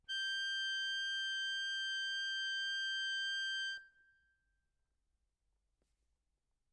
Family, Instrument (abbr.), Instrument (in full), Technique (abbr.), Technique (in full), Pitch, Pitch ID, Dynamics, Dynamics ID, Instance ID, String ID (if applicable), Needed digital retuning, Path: Keyboards, Acc, Accordion, ord, ordinario, G6, 91, ff, 4, 2, , FALSE, Keyboards/Accordion/ordinario/Acc-ord-G6-ff-alt2-N.wav